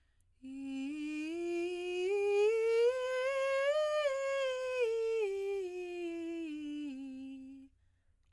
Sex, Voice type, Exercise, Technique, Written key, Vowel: female, soprano, scales, breathy, , i